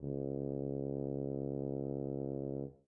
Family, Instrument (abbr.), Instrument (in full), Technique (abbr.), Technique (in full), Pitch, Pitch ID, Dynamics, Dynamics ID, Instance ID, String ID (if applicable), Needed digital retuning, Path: Brass, BTb, Bass Tuba, ord, ordinario, C#2, 37, mf, 2, 0, , FALSE, Brass/Bass_Tuba/ordinario/BTb-ord-C#2-mf-N-N.wav